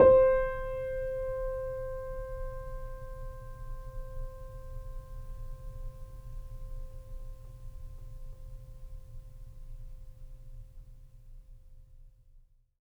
<region> pitch_keycenter=72 lokey=72 hikey=73 volume=0.190596 lovel=0 hivel=65 locc64=0 hicc64=64 ampeg_attack=0.004000 ampeg_release=0.400000 sample=Chordophones/Zithers/Grand Piano, Steinway B/NoSus/Piano_NoSus_Close_C5_vl2_rr1.wav